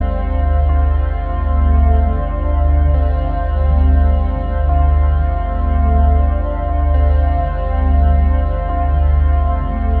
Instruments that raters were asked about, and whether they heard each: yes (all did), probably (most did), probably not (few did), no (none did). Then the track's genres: cello: probably
Ambient; Chill-out